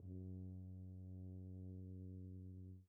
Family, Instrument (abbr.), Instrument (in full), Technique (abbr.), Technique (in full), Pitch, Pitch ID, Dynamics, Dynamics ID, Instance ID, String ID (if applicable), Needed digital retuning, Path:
Brass, BTb, Bass Tuba, ord, ordinario, F#2, 42, pp, 0, 0, , TRUE, Brass/Bass_Tuba/ordinario/BTb-ord-F#2-pp-N-T14u.wav